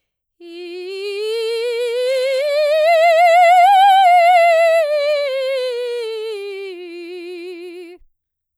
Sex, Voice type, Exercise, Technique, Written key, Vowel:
female, soprano, scales, slow/legato forte, F major, i